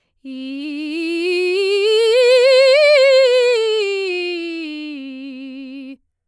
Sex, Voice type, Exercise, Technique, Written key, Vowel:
female, soprano, scales, vibrato, , i